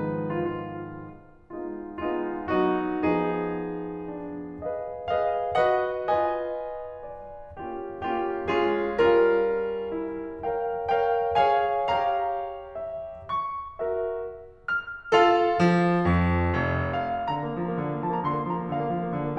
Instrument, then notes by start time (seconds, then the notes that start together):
piano
0.00 G#2 D#3 F3 G#3 B3 D#4 B4
0.37 F4
0.50 F4
1.52 G#3 B3 D#4 F4
2.00 G#3 B3 D#4 F4
2.48 F#3 B3 D#4 F#4
3.05 F3 B3 D#4 G#4
4.06 D4
4.59 G#4 B4 D#5 F5
5.07 G#4 B4 D#5 F5
5.62 F#4 B4 D#5 F#5
6.13 F4 B4 D#5 G#5
7.04 D5
7.56 A#3 C#4 F4 G4
7.91 A#3 C#4 F4 G4
8.43 G#3 C#4 F4 G#4
8.95 G3 C#4 F4 A#4
9.93 E4
10.44 A#4 C#5 F5 G5
10.90 A#4 C#5 F5 G5
11.39 G#4 C#5 F5 G#5
11.88 G4 C#5 F5 A#5
12.78 E5
13.27 C#6
13.83 F#4 A#4 E5
14.69 F6
15.15 F4 A4 F5
15.63 F3
16.10 F2
16.53 F1
17.09 F5
17.29 D3 A#5
17.41 A#3
17.59 F3
17.69 A#3
17.81 D3
17.90 A#3
18.01 F3 A5
18.10 A#3 A#5
18.24 D3 C6
18.34 A#3
18.49 F3 A#5
18.60 A#3
18.70 D3 F5
18.82 A#3
18.94 F3
19.03 A#3
19.13 D3
19.25 A#3